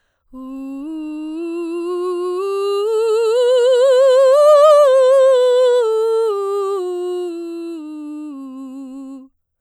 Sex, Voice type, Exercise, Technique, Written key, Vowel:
female, soprano, scales, slow/legato forte, C major, u